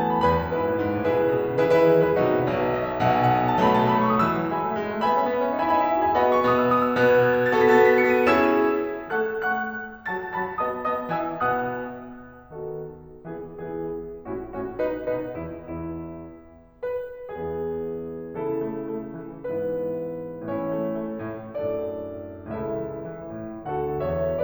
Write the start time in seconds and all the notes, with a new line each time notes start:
0.00 E3 F#3 A3 B3 A5
0.13 B5
0.24 E2 B4 G#5 B5
0.37 F#2
0.52 G#2 E4 G#4 B4
0.66 A2
0.78 G#2
0.93 A2
1.04 B2 E4 G#4 B4
1.17 C#3
1.28 B2
1.39 C#3
1.52 D#3
1.63 E3 E4 G#4 B4
1.74 D#3 E4 G#4 B4
1.86 E3
1.97 F#3
2.08 G#3 E4 G#4 B4
2.18 B2 F#3 A3 D#4 F#4 B4
2.33 C#5
2.48 B1 B2 D#5
2.62 E5
2.76 D#5
2.89 E5
3.02 B1 B2 F#5
3.18 G#5
3.30 F#5
3.41 G#5
3.53 A5
3.63 B2 F#3 A3 B5
3.76 B2 F#3 A3 A5
3.88 B5
4.01 C#6
4.13 B2 F#3 A3 D#6
4.30 E3 E6
4.45 F#3
4.56 G#3 E5 G#5 B5
4.67 A3
4.77 G#3
4.89 A3
5.04 B3 E5 G#5 B5
5.17 C#4
5.29 B3
5.42 C#4
5.56 D#4
5.68 E4 E5 G#5 B5
5.83 D#4 E5 G#5 B5
5.94 E4
6.06 F#4
6.14 G#4 E5 G#5 B5
6.26 B3 F#4 A4 D#5 F#5 B5
6.36 C#6
6.47 B2 B3 D#6
6.65 E6
6.76 D#6
6.87 E6
6.97 B2 B3 F#6
7.09 G#6
7.21 F#6
7.40 G#6
7.51 A6
7.62 B3 F#4 A4 B6
7.84 B3 F#4 A4 A6
7.94 B6
8.06 C#7
8.17 B3 F#4 A4 D#7
8.32 C#4 E4 G#4 E6 G#6 E7
9.09 A3 A4 F#5 C#6 F#6
9.43 A3 A4 F#5 C#6 F#6
10.10 F#3 F#4 A5 A6
10.34 F#3 F#4 A5 A6
10.59 B3 F#4 D#5 A5 D#6
10.90 B3 F#4 D#5 A5 D#6
11.17 E3 F#4 E5 G#5 E6
11.41 B2 B3 F#5 D#6 F#6
12.52 D#3 B3 F#4 A4
13.26 E3 B3 E4 G#4
13.61 E3 B3 E4 G#4
14.32 A2 C#4 E4 F#4
14.54 A2 C#4 E4 F#4
14.79 B2 D#4 B4
15.07 B2 D#4 B4
15.35 E2 E4
15.72 E2 E4
16.87 B4
17.32 E2 E3 B3 E4 G#4
18.32 C#3 E3 E4 A4
18.58 A3
18.82 A3
19.11 E3
19.41 G#2 E3 B3 E4 B4
20.39 A2 E3 C#4 E4 C#5
20.64 A3
20.89 A3
21.20 A2
21.43 F#2 A2 D4 A4 D5
22.49 C#2 A2 E4 A4 E5
22.81 E3
23.15 E3
23.45 A2
23.70 D2 D3 F#4 A4 F#5
24.03 E2 E3 C#5 E5